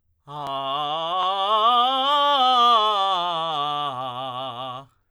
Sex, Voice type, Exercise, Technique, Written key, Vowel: male, tenor, scales, belt, , a